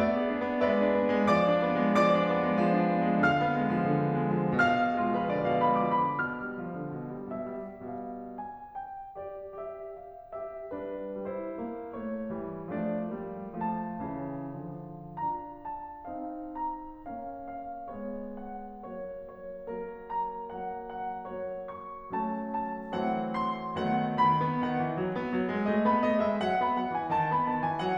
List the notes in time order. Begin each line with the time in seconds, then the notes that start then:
0.00 B3 D5 E5
0.17 G#4
0.36 D4
0.51 B3
0.62 G#3 B4 D5 E5
0.77 D4
0.95 B3
1.10 G#3
1.30 F3 D5 D6
1.50 D4
1.65 B3
1.78 G#3
1.95 F3 D5 D6
2.14 D4
2.29 B3
2.43 G#3
2.60 F3
2.74 D4
2.91 B3
3.11 G#3
3.24 D3 F5 F6
3.40 B3
3.56 G#3
3.74 F3
3.91 D3
4.11 B3
4.31 G#3
4.49 F3
4.68 B2
4.90 G#3 F4
5.09 F3 B4
5.28 D3 D5
5.47 B2 F5
5.65 G#3 B5
5.83 F3 D6
6.04 D3 B5
6.25 B2 F6
6.44 G3
6.62 F3
6.75 D3
6.92 B2
7.11 G3
7.30 B2 E5
7.50 G3
7.72 B2 G3 F5
8.14 G#5
8.54 G5
9.17 G4 D5
9.58 G4 E5
9.96 G#4 F5
10.36 G4 E5
10.73 G3 D4 B4
11.19 G3 E4 C5
11.62 A#3
11.98 A3 C#5
12.31 E3 G3
12.72 F3 A3 D4 D5
13.17 G3 A#3
13.61 F3 A3 A5
14.08 C#3 E3
14.62 D3 F3
15.09 D4 F4 A#5
15.62 A5
16.09 C4 D#4 F5
16.56 A#5
17.02 A#3 C#4 F5
17.47 A#3 C#4 F5
17.91 G#3 B3 C#5
18.40 F#5
18.88 F#3 A#3 C#5
19.26 C#5
19.66 F#3 A#3 A#4
20.09 A#5
20.50 F#3 A#3 F#5
20.89 F#5
21.29 F#3 A#3 C#5
21.70 C#6
22.15 F#3 A#3 C#4 A5
22.57 A5
22.96 E3 F#3 A3 C#4 F#5
23.36 C6
23.79 D#3 F#3 A3 B3 F#5
24.17 D#3 B5
24.40 B3
24.66 D#3 F#5
24.85 E3
24.98 F#3
25.15 B3
25.30 F#3
25.50 G#3
25.66 A3 D#5
25.84 B3 B5
26.01 A3 D#5
26.19 G#3 E5
26.40 F#3 F#5
26.61 B3 B5
26.81 F#3 F#5
26.97 E3 G#5
27.16 D#3 A5
27.33 B3 B5
27.47 D#3 A5
27.65 E3 G#5
27.82 F#3 F#5